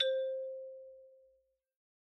<region> pitch_keycenter=60 lokey=58 hikey=63 volume=12.381368 lovel=0 hivel=83 ampeg_attack=0.004000 ampeg_release=15.000000 sample=Idiophones/Struck Idiophones/Xylophone/Medium Mallets/Xylo_Medium_C4_pp_01_far.wav